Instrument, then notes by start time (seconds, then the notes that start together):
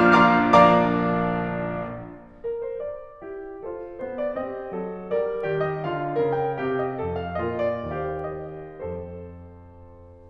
piano
0.00 F3 A#3 D4 F4 F5 A#5 D6 F6
0.14 F3 A#3 D4 F4 F5 A#5 D6 F6
0.45 F3 A#3 D4 D5 F5 A#5 D6
2.46 A#4
2.67 C5
2.83 D5
3.20 E4 G4
3.61 F4 A4 C5
4.01 B3 G#4 C5
4.19 D5
4.39 C4 G4 D#5
4.74 F#3 A4
5.13 G3 A#4 D5
5.48 D#3 G4 D5
5.64 D#5
5.83 D3 A4 F5
6.22 C#3 A#4
6.42 G5
6.62 C3 G4 F5
6.82 D#5
6.94 F2 A4
7.15 F5
7.42 A#2 F4 A#4 D#5
7.63 D5
7.94 D#2 G4 C5 F5
8.24 D#5
8.78 F2 A4 C5